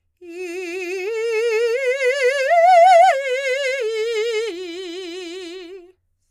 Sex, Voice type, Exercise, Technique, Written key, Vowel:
female, soprano, arpeggios, slow/legato forte, F major, i